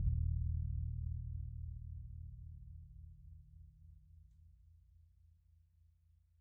<region> pitch_keycenter=65 lokey=65 hikey=65 volume=24.150140 lovel=0 hivel=54 ampeg_attack=0.004000 ampeg_release=2.000000 sample=Membranophones/Struck Membranophones/Bass Drum 2/bassdrum_roll_fast_pp_rel.wav